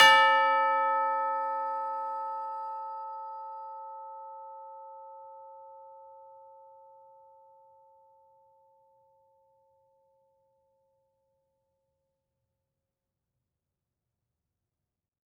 <region> pitch_keycenter=69 lokey=69 hikey=70 volume=5.225776 lovel=84 hivel=127 ampeg_attack=0.004000 ampeg_release=30.000000 sample=Idiophones/Struck Idiophones/Tubular Bells 2/TB_hit_A4_v4_1.wav